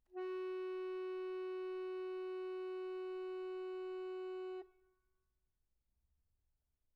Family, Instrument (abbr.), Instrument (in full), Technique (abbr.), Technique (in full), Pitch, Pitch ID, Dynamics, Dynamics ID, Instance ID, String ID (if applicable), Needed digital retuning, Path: Keyboards, Acc, Accordion, ord, ordinario, F#4, 66, pp, 0, 0, , FALSE, Keyboards/Accordion/ordinario/Acc-ord-F#4-pp-N-N.wav